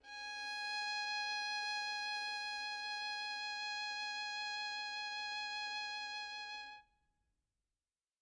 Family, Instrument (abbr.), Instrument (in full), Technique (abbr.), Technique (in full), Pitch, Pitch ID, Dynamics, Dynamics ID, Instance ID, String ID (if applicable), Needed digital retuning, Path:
Strings, Vn, Violin, ord, ordinario, G#5, 80, mf, 2, 1, 2, FALSE, Strings/Violin/ordinario/Vn-ord-G#5-mf-2c-N.wav